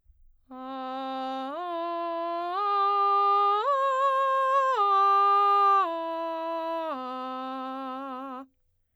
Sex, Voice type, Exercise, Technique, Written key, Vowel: female, soprano, arpeggios, straight tone, , a